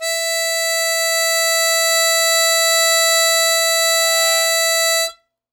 <region> pitch_keycenter=76 lokey=75 hikey=77 tune=1 volume=7.983352 trigger=attack ampeg_attack=0.004000 ampeg_release=0.100000 sample=Aerophones/Free Aerophones/Harmonica-Hohner-Super64/Sustains/Normal/Hohner-Super64_Normal _E4.wav